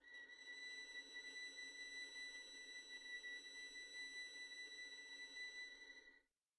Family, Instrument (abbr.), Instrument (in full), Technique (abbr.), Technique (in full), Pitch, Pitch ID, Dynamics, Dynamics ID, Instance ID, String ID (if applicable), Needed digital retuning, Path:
Strings, Vn, Violin, ord, ordinario, B6, 95, pp, 0, 0, 1, TRUE, Strings/Violin/ordinario/Vn-ord-B6-pp-1c-T12d.wav